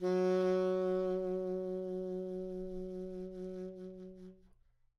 <region> pitch_keycenter=54 lokey=54 hikey=56 tune=3 volume=14.183489 ampeg_attack=0.004000 ampeg_release=0.500000 sample=Aerophones/Reed Aerophones/Tenor Saxophone/Vibrato/Tenor_Vib_Main_F#2_var3.wav